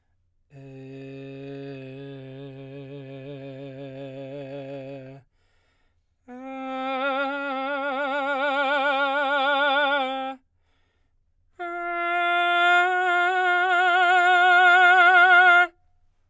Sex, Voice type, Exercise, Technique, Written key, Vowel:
male, baritone, long tones, trill (upper semitone), , e